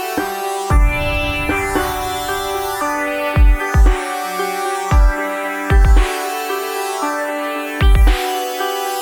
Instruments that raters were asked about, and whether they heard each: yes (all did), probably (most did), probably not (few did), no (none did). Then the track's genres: banjo: no
IDM; Trip-Hop; Downtempo